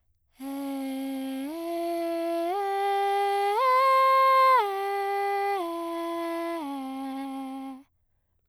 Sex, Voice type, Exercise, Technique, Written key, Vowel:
female, soprano, arpeggios, breathy, , e